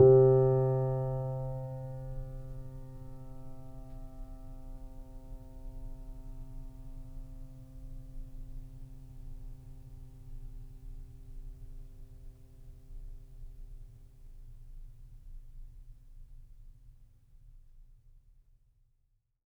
<region> pitch_keycenter=48 lokey=48 hikey=49 volume=1.713269 lovel=0 hivel=65 locc64=0 hicc64=64 ampeg_attack=0.004000 ampeg_release=0.400000 sample=Chordophones/Zithers/Grand Piano, Steinway B/NoSus/Piano_NoSus_Close_C3_vl2_rr1.wav